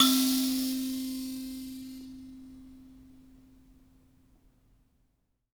<region> pitch_keycenter=60 lokey=60 hikey=61 volume=1.386018 ampeg_attack=0.004000 ampeg_release=15.000000 sample=Idiophones/Plucked Idiophones/Mbira Mavembe (Gandanga), Zimbabwe, Low G/Mbira5_Normal_MainSpirit_C3_k9_vl2_rr1.wav